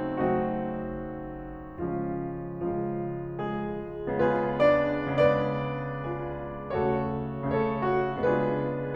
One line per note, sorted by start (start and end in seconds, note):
0.00 1.51 C#3
0.00 1.51 F#3
0.00 1.51 A3
0.00 1.51 C4
0.00 1.51 D#4
0.00 1.51 F#4
1.52 2.32 C#3
1.52 2.32 F3
1.52 2.32 G#3
1.52 2.32 C#4
1.52 2.32 F4
2.35 4.06 C#3
2.35 3.20 F3
2.35 3.20 F4
3.22 4.06 G#3
3.22 4.06 G#4
4.09 4.95 C#3
4.09 4.95 G#3
4.09 4.56 B3
4.09 5.98 F4
4.09 5.98 G#4
4.09 4.56 B4
4.57 4.95 D4
4.57 4.95 D5
4.96 6.72 C#3
4.96 6.72 B3
4.96 6.72 D4
4.96 6.72 B4
4.96 6.72 D5
5.99 6.72 F4
5.99 6.72 G#4
6.73 7.42 C#3
6.73 7.42 A3
6.73 7.42 C#4
6.73 7.42 F#4
6.73 7.42 A4
6.73 7.42 C#5
7.43 8.20 C#3
7.43 8.20 A3
7.43 8.20 C#4
7.43 8.20 A4
7.43 8.20 C#5
7.81 8.20 F#4
8.21 8.95 C#3
8.21 8.95 G#3
8.21 8.95 B3
8.21 8.95 D4
8.21 8.95 F4
8.21 8.95 G#4
8.21 8.95 B4